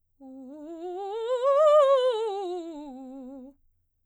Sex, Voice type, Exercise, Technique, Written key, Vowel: female, soprano, scales, fast/articulated piano, C major, u